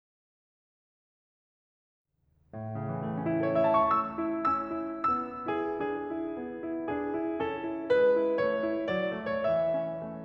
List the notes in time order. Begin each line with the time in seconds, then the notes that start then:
2.11 A2
2.63 C#3
2.88 E3
3.08 A3
3.20 C#4
3.30 E4
3.38 A4
3.46 C#5
3.56 E5
3.64 A5
3.70 C#6
3.76 A3 E6
4.16 E4
4.48 C#4 E6
4.75 E4
5.08 B3 E6
5.43 E4 G#4
5.78 D4 G#4
6.07 E4
6.34 B3
6.57 E4
6.86 D4 G#4
7.15 E4
7.39 C#4 A4
7.66 E4
7.93 G#3 B4
8.14 E4
8.38 A3 C#5
8.65 E4
8.92 F#3 D5
9.15 A3
9.41 E3 C#5
9.47 E5
9.74 C#4
9.97 A3